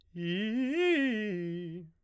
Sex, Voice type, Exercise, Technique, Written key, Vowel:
male, baritone, arpeggios, fast/articulated piano, F major, i